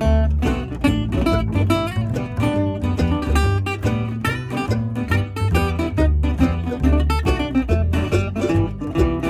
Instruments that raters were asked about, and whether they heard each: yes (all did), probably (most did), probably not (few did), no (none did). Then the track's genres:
synthesizer: no
mandolin: probably
banjo: yes
ukulele: probably
Old-Time / Historic; Bluegrass; Americana